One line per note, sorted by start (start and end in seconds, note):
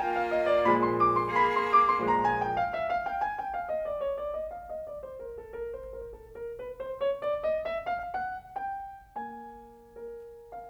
0.00 0.65 A#3
0.00 0.65 F4
0.00 0.16 G5
0.17 0.33 F5
0.33 0.49 D#5
0.49 0.65 D5
0.66 1.31 A#2
0.66 1.31 F3
0.66 1.31 G#3
0.66 0.81 B5
0.82 0.96 C6
0.98 1.11 D6
1.13 1.31 C6
1.31 2.02 A#3
1.31 2.02 G#4
1.31 1.50 B5
1.50 1.67 C6
1.68 1.86 D6
1.87 2.02 C6
2.03 2.72 A#2
2.03 2.72 F3
2.03 2.72 G#3
2.03 2.21 A#5
2.22 2.36 G#5
2.37 2.55 G5
2.55 2.72 F5
2.72 2.89 E5
2.89 3.03 F5
3.03 3.20 G5
3.22 3.37 G#5
3.38 3.53 G5
3.53 3.69 F5
3.69 3.82 D#5
3.82 3.97 D5
3.98 4.14 C#5
4.16 4.34 D5
4.35 4.52 D#5
4.53 4.67 F5
4.67 4.85 D#5
4.85 5.02 D5
5.02 5.19 C5
5.20 5.38 A#4
5.38 5.55 A4
5.56 5.74 A#4
5.75 5.93 C5
5.93 6.11 A#4
6.11 6.35 A4
6.36 6.59 A#4
6.59 6.77 B4
6.77 6.98 C5
6.99 7.19 C#5
7.20 7.43 D5
7.44 7.63 D#5
7.63 7.89 E5
7.91 8.16 F5
8.16 8.54 F#5
8.54 9.16 G5
9.17 9.93 A#3
9.17 10.51 G#5
9.93 10.69 A#4
10.52 10.69 F5